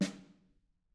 <region> pitch_keycenter=61 lokey=61 hikey=61 volume=19.429641 offset=204 lovel=55 hivel=83 seq_position=1 seq_length=2 ampeg_attack=0.004000 ampeg_release=15.000000 sample=Membranophones/Struck Membranophones/Snare Drum, Modern 2/Snare3M_HitSN_v3_rr1_Mid.wav